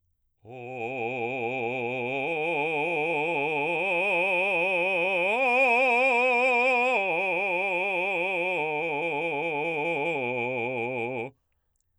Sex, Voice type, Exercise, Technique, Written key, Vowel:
male, baritone, arpeggios, vibrato, , o